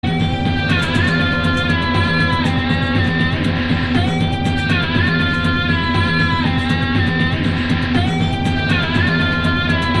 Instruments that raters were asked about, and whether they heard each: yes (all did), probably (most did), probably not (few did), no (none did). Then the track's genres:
cello: no
organ: no
guitar: probably not
mallet percussion: no
Avant-Garde; Electronic; Experimental